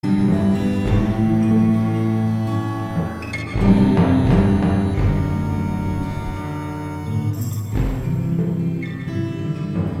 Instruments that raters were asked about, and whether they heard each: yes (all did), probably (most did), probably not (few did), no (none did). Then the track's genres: organ: no
Psych-Folk